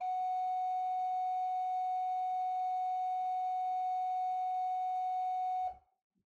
<region> pitch_keycenter=66 lokey=66 hikey=67 tune=1 ampeg_attack=0.004000 ampeg_release=0.300000 amp_veltrack=0 sample=Aerophones/Edge-blown Aerophones/Renaissance Organ/4'/RenOrgan_4foot_Room_F#3_rr1.wav